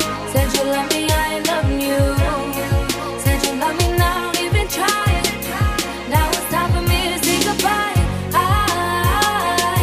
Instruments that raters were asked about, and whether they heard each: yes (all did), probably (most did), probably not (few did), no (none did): voice: yes
mandolin: no
cello: no